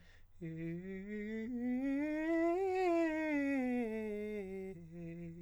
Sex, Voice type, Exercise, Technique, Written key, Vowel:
male, countertenor, scales, fast/articulated piano, F major, e